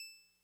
<region> pitch_keycenter=88 lokey=87 hikey=90 volume=23.561087 lovel=0 hivel=65 ampeg_attack=0.004000 ampeg_release=0.100000 sample=Electrophones/TX81Z/Clavisynth/Clavisynth_E5_vl1.wav